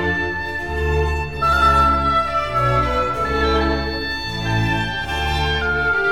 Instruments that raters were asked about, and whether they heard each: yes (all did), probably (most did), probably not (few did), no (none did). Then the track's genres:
violin: yes
Classical; Chamber Music